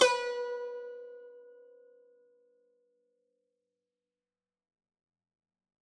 <region> pitch_keycenter=71 lokey=70 hikey=72 volume=5.056018 lovel=100 hivel=127 ampeg_attack=0.004000 ampeg_release=0.300000 sample=Chordophones/Zithers/Dan Tranh/Normal/B3_ff_1.wav